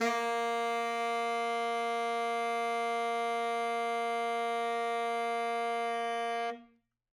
<region> pitch_keycenter=58 lokey=58 hikey=59 volume=11.056091 lovel=84 hivel=127 ampeg_attack=0.05 ampeg_release=0.500000 sample=Aerophones/Reed Aerophones/Tenor Saxophone/Non-Vibrato/Tenor_NV_Main_A#2_vl3_rr1.wav